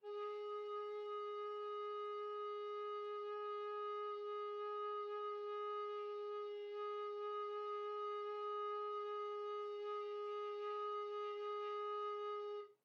<region> pitch_keycenter=68 lokey=67 hikey=69 tune=-1 volume=20.195551 offset=879 ampeg_attack=0.004000 ampeg_release=0.300000 sample=Aerophones/Edge-blown Aerophones/Baroque Alto Recorder/Sustain/AltRecorder_Sus_G#3_rr1_Main.wav